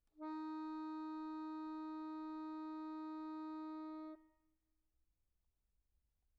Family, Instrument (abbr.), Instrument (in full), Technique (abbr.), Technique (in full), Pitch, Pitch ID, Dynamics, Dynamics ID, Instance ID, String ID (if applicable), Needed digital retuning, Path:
Keyboards, Acc, Accordion, ord, ordinario, D#4, 63, pp, 0, 0, , FALSE, Keyboards/Accordion/ordinario/Acc-ord-D#4-pp-N-N.wav